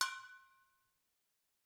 <region> pitch_keycenter=65 lokey=65 hikey=65 volume=6.764771 offset=266 lovel=84 hivel=127 ampeg_attack=0.004000 ampeg_release=10.000000 sample=Idiophones/Struck Idiophones/Brake Drum/BrakeDrum2_Hammer1_v2_rr1_Mid.wav